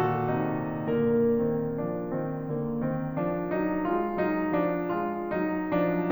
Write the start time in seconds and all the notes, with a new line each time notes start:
0.00 A#2 D#3 F#4 A4
0.35 C3 D#4
0.81 A#2 D3 A#3 A#4
1.32 D#3 C4
1.78 F3 D4
2.09 D#3 C4
2.54 D3 A#3
2.84 D#3 C4
3.20 F3 D4
3.52 F#3 D#4
3.89 G#3 F4
4.23 F#3 D#4
4.61 F3 D4
4.91 G#3 F4
5.22 F#3 D#4
5.72 F3 D4